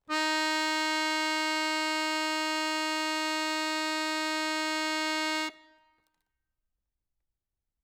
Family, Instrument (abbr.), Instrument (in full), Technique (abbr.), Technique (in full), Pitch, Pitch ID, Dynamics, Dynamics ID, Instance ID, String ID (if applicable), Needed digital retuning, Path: Keyboards, Acc, Accordion, ord, ordinario, D#4, 63, ff, 4, 2, , FALSE, Keyboards/Accordion/ordinario/Acc-ord-D#4-ff-alt2-N.wav